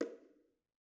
<region> pitch_keycenter=61 lokey=61 hikey=61 volume=21.860126 offset=219 lovel=0 hivel=65 seq_position=2 seq_length=2 ampeg_attack=0.004000 ampeg_release=15.000000 sample=Membranophones/Struck Membranophones/Bongos/BongoH_HitMuted1_v1_rr2_Mid.wav